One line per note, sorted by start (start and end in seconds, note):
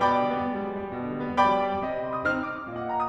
0.00 0.27 B2
0.00 0.91 D5
0.00 0.91 G5
0.00 0.91 B5
0.00 0.91 D6
0.13 0.38 D3
0.27 0.50 G3
0.39 0.60 B3
0.51 0.71 G#3
0.62 0.81 G3
0.72 0.91 F#3
0.81 1.02 G3
0.92 1.11 B2
1.03 1.22 D3
1.11 1.36 G3
1.22 1.46 B3
1.37 1.61 G#3
1.37 1.83 D5
1.37 1.83 G5
1.37 1.83 B5
1.37 1.83 D6
1.47 1.74 G3
1.63 1.83 F#3
1.74 1.95 G3
1.85 2.26 C3
1.85 2.07 D#5
1.99 2.16 G5
2.08 2.26 C6
2.17 2.37 D#6
2.26 2.67 C4
2.26 2.67 D#4
2.26 2.44 F6
2.38 2.54 D#6
2.45 2.67 D6
2.55 2.77 D#6
2.67 3.09 A#2
2.67 2.88 D#5
2.79 2.97 G5
2.89 3.09 C6
2.98 3.09 D#6